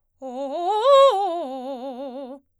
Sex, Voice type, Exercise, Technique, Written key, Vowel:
female, soprano, arpeggios, fast/articulated forte, C major, o